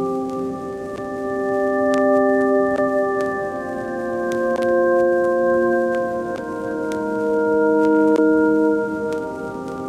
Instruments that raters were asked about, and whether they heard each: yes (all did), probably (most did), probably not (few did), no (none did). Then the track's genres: organ: probably
IDM; Trip-Hop; Downtempo